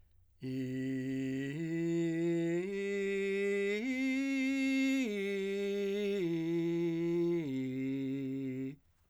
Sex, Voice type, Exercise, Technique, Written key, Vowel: male, , arpeggios, straight tone, , i